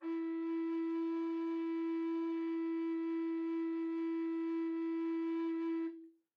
<region> pitch_keycenter=64 lokey=64 hikey=65 volume=15.943046 offset=346 ampeg_attack=0.004000 ampeg_release=0.300000 sample=Aerophones/Edge-blown Aerophones/Baroque Bass Recorder/Sustain/BassRecorder_Sus_E3_rr1_Main.wav